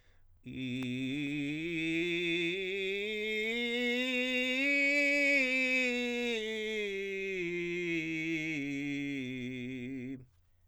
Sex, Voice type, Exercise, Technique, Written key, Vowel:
male, countertenor, scales, belt, , i